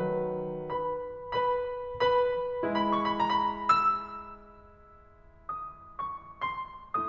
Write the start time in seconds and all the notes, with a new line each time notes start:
0.01 D#3 F#3 B4
0.71 B4 B5
1.25 B4 B5
2.01 B4 B5
2.65 G#3 E4 B5
3.19 C#6
3.32 B5
3.45 A5
3.56 B5
3.69 E6
5.39 D#6
5.96 C#6
6.48 C6